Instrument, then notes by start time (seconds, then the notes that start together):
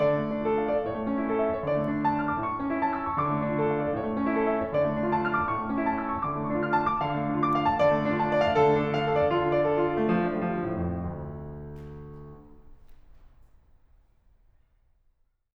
piano
0.00 D3 D5
0.15 A3
0.31 D4
0.45 F4 A4
0.59 F5
0.73 D5
0.87 A2 C#5
1.00 A3
1.14 C#4
1.28 E4 A4
1.42 E5
1.54 C#5
1.65 D3 D5
1.78 A3
1.90 D4
2.07 F4 A5
2.16 F6
2.32 D6
2.45 A2 C#6
2.60 A3
2.72 C#4
2.82 E4 A5
2.97 E6
3.11 C#6
3.25 D3 D6
3.39 A3
3.54 D4
3.62 F4 A4
3.75 F5
3.89 D5
4.03 A2 C#5
4.13 A3
4.28 C#4
4.44 E4 A4
4.59 E5
4.67 C#5
4.75 D3 D5
4.86 A3
4.95 D4
5.13 F4 A5
5.26 F6
5.40 D6
5.56 A2 C#6
5.70 A3
5.82 C#4
5.87 E4 A5
6.01 E6
6.16 C#6
6.30 D3
6.39 A3
6.48 D4
6.58 F4 F6
6.71 A5
6.85 D6
7.02 D3 F5
7.15 A3
7.29 D4
7.41 F4 D6
7.53 F5
7.65 A5
7.80 D3 D5
7.94 A3
8.09 D4
8.21 F4 A5
8.30 D5
8.45 F5
8.59 D3 A4
8.74 A3
8.87 D4
9.02 F4 F5
9.18 A4
9.30 D5
9.46 D3 F4
9.57 D5
9.68 F4 A4
9.85 D4
9.98 A3
10.15 F3
10.24 A3 D4
10.43 F3
10.59 D3
10.70 A2
10.87 F2
11.05 D2